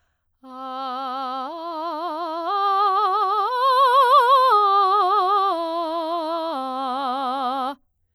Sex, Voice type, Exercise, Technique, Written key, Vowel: female, soprano, arpeggios, slow/legato forte, C major, a